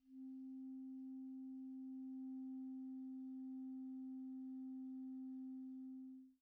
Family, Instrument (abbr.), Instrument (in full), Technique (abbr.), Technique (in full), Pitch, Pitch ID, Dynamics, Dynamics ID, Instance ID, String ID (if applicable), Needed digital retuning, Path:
Winds, ClBb, Clarinet in Bb, ord, ordinario, C4, 60, pp, 0, 0, , FALSE, Winds/Clarinet_Bb/ordinario/ClBb-ord-C4-pp-N-N.wav